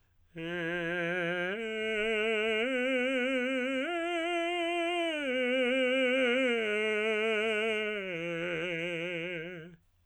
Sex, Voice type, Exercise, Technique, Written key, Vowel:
male, tenor, arpeggios, slow/legato piano, F major, e